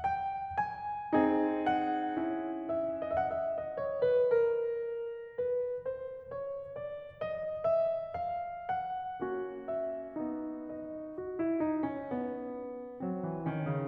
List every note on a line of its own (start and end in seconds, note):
0.01 0.59 G5
0.60 1.68 G#5
1.14 2.19 C4
1.14 2.19 D#4
1.14 3.09 G#4
1.68 2.65 F#5
2.19 3.09 C#4
2.19 3.09 E4
2.65 3.09 E5
3.09 3.24 D#5
3.15 3.30 E5
3.24 3.35 F#5
3.30 3.35 E5
3.41 3.77 D#5
3.77 4.03 C#5
4.05 4.32 B4
4.32 5.37 A#4
5.38 5.87 B4
5.88 6.30 C5
6.31 6.75 C#5
6.76 7.24 D5
7.25 7.67 D#5
7.67 8.20 E5
8.20 8.70 F5
8.70 9.68 F#5
9.21 10.18 A#3
9.21 10.18 C#4
9.21 11.19 F#4
9.68 10.69 E5
10.18 11.19 B3
10.18 11.19 D#4
10.69 11.19 D#5
11.20 11.41 F#4
11.41 11.63 E4
11.64 11.88 D#4
11.88 12.12 C#4
12.12 13.04 B3
13.04 13.25 F#3
13.04 13.47 C4
13.25 13.47 E3
13.47 13.66 D#3
13.47 13.88 C#4
13.67 13.88 C#3